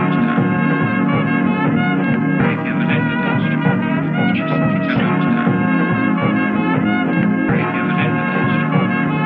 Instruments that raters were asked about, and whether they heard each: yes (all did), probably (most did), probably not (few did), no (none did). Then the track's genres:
trumpet: yes
trombone: probably
Experimental; Sound Collage; Trip-Hop